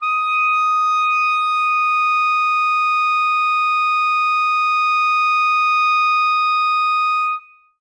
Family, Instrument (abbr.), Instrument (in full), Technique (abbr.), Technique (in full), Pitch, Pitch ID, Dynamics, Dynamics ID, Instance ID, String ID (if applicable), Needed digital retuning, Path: Winds, ClBb, Clarinet in Bb, ord, ordinario, D#6, 87, ff, 4, 0, , FALSE, Winds/Clarinet_Bb/ordinario/ClBb-ord-D#6-ff-N-N.wav